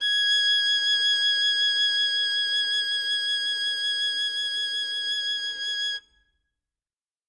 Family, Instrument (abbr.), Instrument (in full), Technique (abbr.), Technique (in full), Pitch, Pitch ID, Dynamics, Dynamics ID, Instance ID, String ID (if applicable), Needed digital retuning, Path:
Strings, Vn, Violin, ord, ordinario, G#6, 92, ff, 4, 0, 1, TRUE, Strings/Violin/ordinario/Vn-ord-G#6-ff-1c-T24d.wav